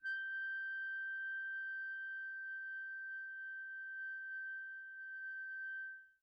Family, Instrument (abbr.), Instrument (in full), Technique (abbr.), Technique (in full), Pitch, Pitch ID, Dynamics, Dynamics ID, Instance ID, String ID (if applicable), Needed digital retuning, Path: Winds, ClBb, Clarinet in Bb, ord, ordinario, G6, 91, pp, 0, 0, , FALSE, Winds/Clarinet_Bb/ordinario/ClBb-ord-G6-pp-N-N.wav